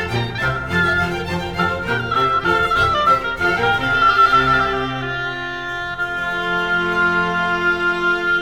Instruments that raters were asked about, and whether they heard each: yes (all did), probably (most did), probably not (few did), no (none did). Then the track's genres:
flute: probably
violin: yes
Classical; Chamber Music